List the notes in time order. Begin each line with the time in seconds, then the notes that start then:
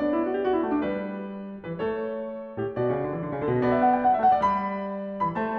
0.00 B3
0.06 D4
0.16 E4 D5
0.30 F#4
0.38 G4
0.46 F#4
0.56 E4
0.62 A3
0.67 F#4
0.78 D4
0.82 G3
0.89 B4
1.52 E3
1.59 B4
1.73 A3
1.80 A4
1.87 C#5
2.58 A2
2.65 G4
2.77 B2
2.86 F#4
2.90 C#3 D5
3.02 D3
3.12 E3
3.23 D3
3.30 C#3
3.40 D3
3.45 A4
3.49 B2
3.59 B3
3.65 D5
3.77 E5
3.87 F#5
3.98 G5
4.08 F#5
4.14 A3 E5
4.31 F#5
4.39 G3 D5
4.63 B5
5.21 E3
5.35 B5
5.42 A3
5.48 C5